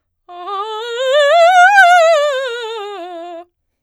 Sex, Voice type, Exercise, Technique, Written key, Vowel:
female, soprano, scales, fast/articulated forte, F major, a